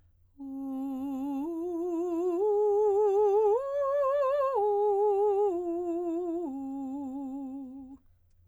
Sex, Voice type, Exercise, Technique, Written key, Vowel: female, soprano, arpeggios, slow/legato piano, C major, u